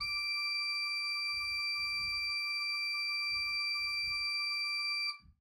<region> pitch_keycenter=86 lokey=86 hikey=87 volume=10.184464 ampeg_attack=0.004000 ampeg_release=0.300000 amp_veltrack=0 sample=Aerophones/Edge-blown Aerophones/Renaissance Organ/Full/RenOrgan_Full_Room_D5_rr1.wav